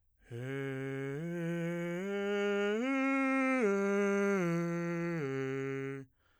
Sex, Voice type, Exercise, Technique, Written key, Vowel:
male, bass, arpeggios, breathy, , e